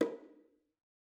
<region> pitch_keycenter=61 lokey=61 hikey=61 volume=14.428135 offset=230 lovel=66 hivel=99 seq_position=2 seq_length=2 ampeg_attack=0.004000 ampeg_release=15.000000 sample=Membranophones/Struck Membranophones/Bongos/BongoH_HitMuted1_v2_rr2_Mid.wav